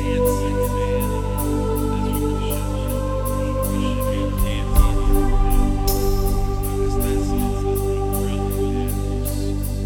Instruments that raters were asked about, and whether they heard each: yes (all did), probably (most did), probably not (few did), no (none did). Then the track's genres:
flute: no
New Age; Instrumental